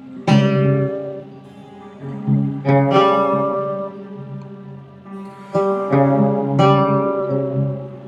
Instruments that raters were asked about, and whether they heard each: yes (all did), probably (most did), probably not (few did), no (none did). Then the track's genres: cello: probably not
Folk